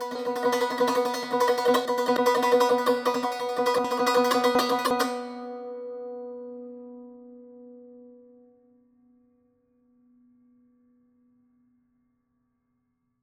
<region> pitch_keycenter=59 lokey=58 hikey=60 volume=7.015088 ampeg_attack=0.004000 ampeg_release=0.300000 sample=Chordophones/Zithers/Dan Tranh/Tremolo/B2_Trem_1.wav